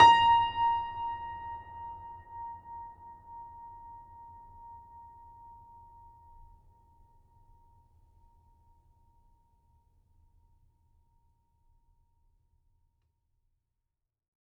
<region> pitch_keycenter=82 lokey=82 hikey=83 volume=-0.285169 lovel=66 hivel=99 locc64=65 hicc64=127 ampeg_attack=0.004000 ampeg_release=0.400000 sample=Chordophones/Zithers/Grand Piano, Steinway B/Sus/Piano_Sus_Close_A#5_vl3_rr1.wav